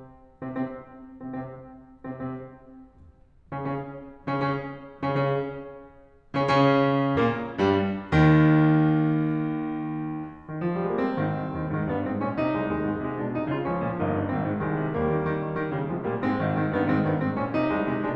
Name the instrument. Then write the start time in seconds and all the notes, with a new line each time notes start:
piano
0.43 C3 C4
0.50 C3 C4
1.10 C3 C4
1.19 C3 C4
1.80 C3 C4
1.91 C3 C4
3.33 C#3 C#4
3.45 C#3 C#4
4.15 C#3 C#4
4.26 C#3 C#4
4.99 C#3 C#4
5.07 C#3 C#4
6.33 C#3 C#4
6.42 C#3 C#4
7.14 A#2 A#3
7.55 G2 G3
8.05 D#2 D#3
10.65 D#3
10.72 F3
10.76 G3
10.82 G#3
10.89 A#3
10.97 C4
11.14 G#1
11.32 C2
11.48 D#2
11.70 G#2
11.85 G2 B3
12.03 G#2 C4
12.20 A#2 C#4
12.37 C3 D#4
12.49 C2
12.66 D#2
12.82 G#2
13.04 C3
13.24 B2 D4
13.40 C3 D#4
13.50 C#3 F4
13.69 A#1 F3 C#4
13.85 A#2
14.03 G1 A#3 D#4
14.20 G2
14.34 G#1 D#3 C4
14.51 G#2
14.64 C2 D#3 G#3
14.79 C3
14.97 D#2 G3 A#3
15.14 D#3
15.26 D#3
15.40 D#3
15.52 D#3
15.67 C#3 D#3 G3
15.86 C3 F3 G#3
16.03 A#2 G3 A#3
16.22 G#2 G#3 C4
16.36 G#1 D#3
16.51 G#2 D#3
16.68 G2 D#3 B3
16.82 G#2 D#3 C4
16.97 G2 B3
17.15 G#2 C4
17.36 A#2 C#4
17.52 C3 D#4
17.65 C2 G#3
17.81 C3 G#3
17.97 B2 G#3 D4